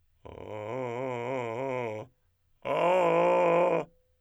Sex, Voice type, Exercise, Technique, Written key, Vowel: male, tenor, long tones, inhaled singing, , a